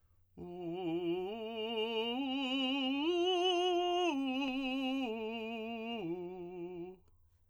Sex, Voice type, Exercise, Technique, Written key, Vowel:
male, tenor, arpeggios, slow/legato piano, F major, u